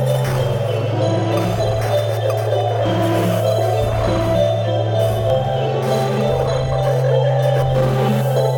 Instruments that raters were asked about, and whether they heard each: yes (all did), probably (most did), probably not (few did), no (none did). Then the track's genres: mallet percussion: yes
Ambient Electronic; House; IDM